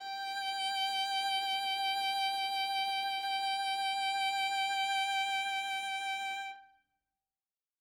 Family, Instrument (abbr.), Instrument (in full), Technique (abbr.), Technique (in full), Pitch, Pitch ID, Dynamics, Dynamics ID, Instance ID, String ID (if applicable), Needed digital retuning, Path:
Strings, Va, Viola, ord, ordinario, G5, 79, ff, 4, 0, 1, FALSE, Strings/Viola/ordinario/Va-ord-G5-ff-1c-N.wav